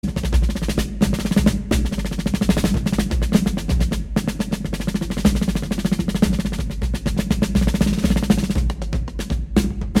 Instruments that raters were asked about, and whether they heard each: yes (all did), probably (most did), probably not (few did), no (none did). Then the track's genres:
cymbals: probably not
accordion: no
Classical; Americana